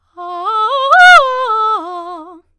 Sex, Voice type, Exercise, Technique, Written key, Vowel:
female, soprano, arpeggios, fast/articulated forte, F major, a